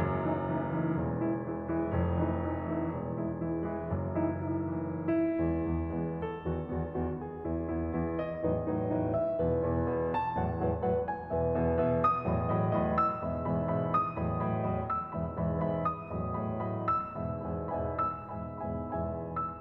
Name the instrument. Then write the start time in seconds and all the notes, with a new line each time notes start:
piano
0.00 F#1 F#2
0.29 E3 A3 D#4 E4
0.51 E3 A3 D#4 E4
0.77 E3 A3 D#4 E4
0.99 E1 E2
1.22 E3 G#3 E4
1.43 E3 G#3 E4
1.70 E3 G#3 E4
1.90 F1 F2
2.23 E3 A3 D#4 E4
2.44 E3 A3 D#4 E4
2.65 E3 A3 D#4 E4
2.89 E1 E2
3.18 E3 G#3 E4
3.42 E3 G#3 E4
3.66 E3 G#3 E4
3.94 F#1 F#2
4.21 E3 A3 D#4 E4
4.55 E3 A3 D#4 E4
4.92 E3 A3 D#4 E4
5.17 E4
5.41 E2 G#3 B3
5.76 E2 G#3 B3
5.97 E2 G#3 B3
6.21 A4
6.46 E2 D#3 B3 F#4
6.70 E2 D#3 B3 F#4
6.98 E2 D#3 B3 F#4
7.23 G#4
7.47 E2 E3 B3 E4
7.70 E2 E3 B3 E4
7.92 E2 E3 B3 E4
8.17 D#5
8.39 E2 A2 F#3 D#4 B4
8.64 E2 A2 F#3 D#4 B4
8.86 E2 A2 F#3 D#4 B4
9.11 E5
9.36 E2 G#4 B4
9.64 E2 G#4 B4
9.90 E2 G#4 B4
10.15 A5
10.36 E2 D#3 B4 F#5
10.59 E2 D#3 B4 F#5
10.86 E2 D#3 B4 F#5
11.08 G#5
11.27 E2 E3 B4 E5
11.47 E2 E3 B4 E5
11.71 E2 E3 B4 E5
11.92 D#6
12.16 E2 A2 F#3 D#5 B5
12.39 E2 A2 F#3 D#5 B5
12.63 E2 A2 F#3 D#5 B5
12.93 E6
13.18 E2 G#2 E3 E5 B5
13.44 E2 G#2 E3 E5 B5
13.66 E2 G#2 E3 E5 B5
13.93 D#6
14.19 E2 A2 F#3 D#5 B5
14.40 E2 A2 F#3 D#5 B5
14.62 E2 A2 F#3 D#5 B5
14.84 E6
15.08 E2 G#2 E3 E5 B5
15.34 E2 G#2 E3 E5 B5
15.62 E2 G#2 E3 E5 B5
15.95 D#6
16.21 E2 A2 F#3 D#5 B5
16.45 E2 A2 F#3 D#5 B5
16.66 E2 A2 F#3 D#5 B5
16.87 E6
17.12 E2 G#2 B2 E3 E5 G#5 B5
17.47 E2 G#2 B2 E3 E5 G#5 B5
17.83 E2 G#2 B2 E3 E5 G#5 B5
18.09 E6
18.37 E2 G#2 B2 E3 E5 G#5 B5
18.67 E2 G#2 B2 E3 E5 G#5 B5
19.16 E2 G#2 B2 E3 E5 G#5 B5